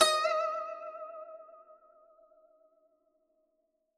<region> pitch_keycenter=75 lokey=75 hikey=76 volume=6.280831 lovel=84 hivel=127 ampeg_attack=0.004000 ampeg_release=0.300000 sample=Chordophones/Zithers/Dan Tranh/Vibrato/D#4_vib_ff_1.wav